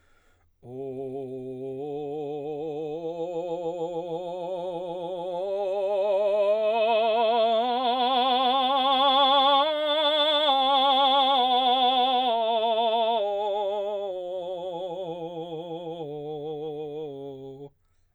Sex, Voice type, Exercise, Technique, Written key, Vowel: male, baritone, scales, vibrato, , o